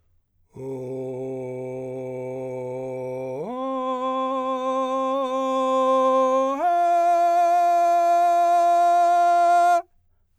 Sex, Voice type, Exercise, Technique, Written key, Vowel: male, , long tones, straight tone, , o